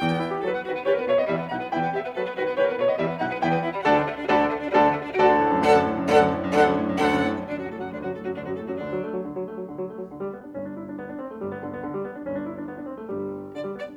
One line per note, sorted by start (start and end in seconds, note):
0.00 0.21 E2
0.00 0.41 G5
0.10 0.31 B3
0.21 0.41 E4
0.31 0.51 G4
0.41 0.62 F#3
0.41 0.51 A4
0.41 0.62 B4
0.51 0.62 B3
0.62 0.80 D#3
0.62 0.72 F#4
0.62 0.80 B4
0.72 0.80 B3
0.81 1.01 E3
0.81 0.91 G4
0.81 0.94 B4
0.88 1.01 B3
0.88 1.01 C5
0.95 1.08 B4
1.02 1.25 B2
1.02 1.11 C4
1.02 1.25 C#5
1.13 1.25 B3
1.13 1.38 D#5
1.27 1.52 E2
1.27 1.38 G3
1.27 1.52 E5
1.39 1.52 B3
1.53 1.74 B1
1.53 1.64 D#4
1.53 1.74 F#5
1.65 1.74 B3
1.75 1.95 E2
1.75 1.86 E4
1.75 1.95 G5
1.87 1.95 B3
1.96 2.05 G4
1.96 2.05 E5
2.07 2.16 B3
2.17 2.35 F#3
2.17 2.24 A4
2.17 2.35 B4
2.25 2.35 B3
2.35 2.58 D#3
2.35 2.45 F#4
2.35 2.58 B4
2.45 2.58 B3
2.58 2.79 E3
2.58 2.68 G4
2.58 2.72 B4
2.65 2.79 B3
2.65 2.79 C5
2.72 2.83 B4
2.79 2.97 B2
2.79 2.87 A3
2.79 2.97 C#5
2.87 2.97 B3
2.87 3.08 D#5
2.97 3.19 E2
2.97 3.08 G3
2.97 3.19 E5
3.08 3.19 B3
3.19 3.40 B1
3.19 3.30 D#4
3.19 3.40 F#5
3.30 3.40 B3
3.40 3.62 E2
3.40 3.51 E4
3.40 3.62 G5
3.51 3.62 B3
3.62 3.73 E4
3.73 3.83 B3
3.83 4.30 D2
3.83 4.30 D3
3.83 3.95 F#4
3.83 4.30 A4
3.83 4.30 D5
3.83 4.30 F#5
3.83 4.30 A5
3.95 4.06 D4
4.06 4.18 A3
4.18 4.30 D4
4.30 4.76 D2
4.30 4.76 D3
4.30 4.41 F#4
4.30 4.76 A4
4.30 4.76 D5
4.30 4.76 F#5
4.30 4.76 A5
4.41 4.54 D4
4.54 4.63 A3
4.64 4.76 D4
4.76 5.19 D2
4.76 5.19 D3
4.76 4.86 F#4
4.76 5.19 A4
4.76 5.19 D5
4.76 5.19 F#5
4.76 5.19 A5
4.86 4.99 D4
5.00 5.10 A3
5.10 5.19 D4
5.20 5.40 D2
5.20 5.51 F#4
5.20 7.47 A4
5.20 7.47 D5
5.20 7.47 F#5
5.20 7.47 A5
5.31 5.51 D3
5.41 5.63 A2
5.51 5.75 F#2
5.64 5.85 D2
5.64 5.96 D4
5.64 5.96 A4
5.64 5.96 F#5
5.75 5.96 F#2
5.86 6.06 A2
5.96 6.06 F#2
6.07 6.27 D2
6.07 6.39 D4
6.07 6.39 A4
6.07 6.39 F#5
6.16 6.39 F#2
6.28 6.48 A2
6.39 6.48 F#2
6.49 6.71 D2
6.49 6.87 D4
6.49 6.87 A4
6.49 6.87 F#5
6.59 6.87 F#2
6.72 6.99 A2
6.87 6.99 F#2
7.00 7.21 D2
7.00 7.33 D4
7.00 7.33 A4
7.00 7.33 F#5
7.11 7.33 F#2
7.22 7.47 A2
7.33 7.47 F#2
7.48 7.69 D2
7.48 7.69 D3
7.48 7.58 D4
7.58 7.83 F#2
7.58 7.83 F#3
7.58 7.69 F#4
7.70 7.93 A2
7.70 7.93 A3
7.70 7.83 A4
7.83 7.93 F#2
7.83 7.93 F#3
7.83 7.93 F#4
7.94 8.15 D2
7.94 8.15 D3
7.94 8.05 D4
8.05 8.25 F#2
8.05 8.25 F#3
8.05 8.15 F#4
8.16 8.37 A2
8.16 8.37 A3
8.16 8.25 A4
8.25 8.37 F#2
8.25 8.37 F#3
8.25 8.37 F#4
8.39 8.58 D2
8.39 8.58 D3
8.39 8.50 D4
8.50 8.68 F#2
8.50 8.68 F#3
8.50 8.58 F#4
8.58 8.80 A2
8.58 8.80 A3
8.58 8.68 A4
8.68 8.80 F#2
8.68 8.80 F#3
8.68 8.80 F#4
8.81 9.22 D2
8.81 9.03 D3
8.81 9.22 D4
8.93 9.14 F#3
9.04 9.22 A3
9.14 9.22 F#3
9.23 9.45 D3
9.35 9.56 F#3
9.45 9.65 A3
9.56 9.65 F#3
9.65 9.89 D3
9.78 10.00 F#3
9.89 10.10 A3
10.00 10.10 F#3
10.10 10.23 D3
10.23 10.34 G3
10.34 10.44 B3
10.44 10.55 D4
10.55 11.41 G1
10.55 11.41 G2
10.55 10.67 C#4
10.67 10.79 D4
10.79 10.89 E4
10.89 11.01 D4
11.01 11.10 B3
11.10 11.18 D4
11.18 11.31 C4
11.31 11.41 A3
11.41 12.29 G1
11.41 12.29 G2
11.41 11.52 G3
11.52 11.63 B3
11.63 11.73 D3
11.73 11.83 B3
11.83 11.95 D3
11.95 12.05 G3
12.05 12.17 B3
12.17 12.29 D4
12.29 13.06 G1
12.29 13.06 G2
12.29 12.40 C#4
12.40 12.46 D4
12.47 12.56 E4
12.60 12.69 D4
12.70 12.78 B3
12.79 12.85 D4
12.86 12.96 C4
12.97 13.06 A3
13.07 13.97 G1
13.07 13.97 G2
13.07 13.51 G3
13.53 13.64 D3
13.53 13.71 D5
13.66 13.76 G3
13.77 13.86 B3
13.77 13.92 D5
13.86 13.97 D4